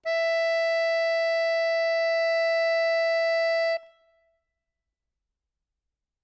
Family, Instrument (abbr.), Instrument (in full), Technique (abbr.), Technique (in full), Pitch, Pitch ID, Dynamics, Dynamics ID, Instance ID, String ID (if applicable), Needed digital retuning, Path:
Keyboards, Acc, Accordion, ord, ordinario, E5, 76, ff, 4, 0, , FALSE, Keyboards/Accordion/ordinario/Acc-ord-E5-ff-N-N.wav